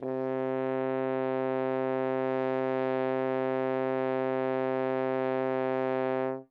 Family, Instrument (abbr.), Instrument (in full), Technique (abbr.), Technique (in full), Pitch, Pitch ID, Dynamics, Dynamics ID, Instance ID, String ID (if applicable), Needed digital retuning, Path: Brass, Hn, French Horn, ord, ordinario, C3, 48, ff, 4, 0, , FALSE, Brass/Horn/ordinario/Hn-ord-C3-ff-N-N.wav